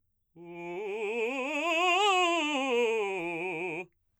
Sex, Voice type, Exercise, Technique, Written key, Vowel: male, baritone, scales, fast/articulated forte, F major, u